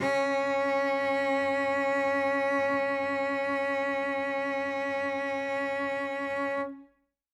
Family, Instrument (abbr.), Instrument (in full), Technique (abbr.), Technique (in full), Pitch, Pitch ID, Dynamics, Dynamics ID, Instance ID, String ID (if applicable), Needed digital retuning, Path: Strings, Vc, Cello, ord, ordinario, C#4, 61, ff, 4, 2, 3, FALSE, Strings/Violoncello/ordinario/Vc-ord-C#4-ff-3c-N.wav